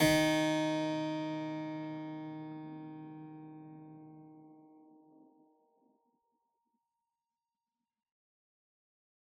<region> pitch_keycenter=51 lokey=51 hikey=51 volume=2.529297 trigger=attack ampeg_attack=0.004000 ampeg_release=0.400000 amp_veltrack=0 sample=Chordophones/Zithers/Harpsichord, Unk/Sustains/Harpsi4_Sus_Main_D#2_rr1.wav